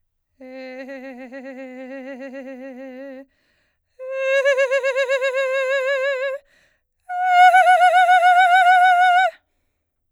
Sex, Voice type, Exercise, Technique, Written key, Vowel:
female, soprano, long tones, trillo (goat tone), , e